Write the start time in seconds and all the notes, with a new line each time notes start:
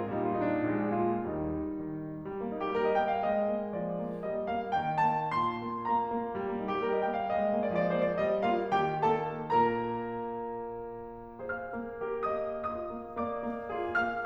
0.00 A#2 G3 D#4
0.27 A#2 F4
0.36 D#4
0.45 D4
0.51 D#4
0.59 A#1 G#3 D4 G4
0.80 A#2 F4
1.17 D#2 G3 D#4
1.61 D#3
2.24 G3
2.39 A#3
2.50 A#3 D#4
2.60 G4
2.75 G3 A#4
2.87 D#5
2.97 A#3 G5
3.12 F5
3.23 G#3 D#5
3.54 A#3
3.76 F3 D5
3.99 A#3
4.24 G3 D#5
4.51 A#3 F5
4.70 D#3 G5
4.99 A#3 A5
5.28 A#2 C6
5.64 A#3
5.86 A#3 A#5
6.08 A#3
6.35 G3
6.47 A#3
6.56 A#3 D#4
6.68 G4
6.78 G3 A#4
6.90 D#5
7.02 A#3 G5
7.15 F5
7.27 G#3 D#5
7.50 A#3
7.73 F3 D5
7.87 D#5
8.00 A#3 C5
8.10 D5
8.20 G3 D#5
8.48 A#3 F4 F5
8.74 D#3 G4 G5
9.07 A#3 A4 A5
9.37 A#2 A#3 A#4 A#5
11.52 G#4 C5 F5 F6
11.74 A#3
12.04 G4 A#4
12.31 A#3 D#5 D#6
12.59 F4 G#4 D#5 D#6
12.82 A#3
13.15 A#3 D5 D6
13.43 A#3
13.70 F4 G#4
13.99 A#3 F5 F6